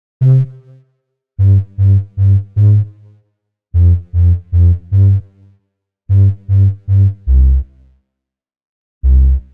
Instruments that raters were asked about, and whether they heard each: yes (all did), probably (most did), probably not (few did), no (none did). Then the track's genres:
organ: probably not
bass: probably
violin: no
voice: no
IDM; Trip-Hop; Downtempo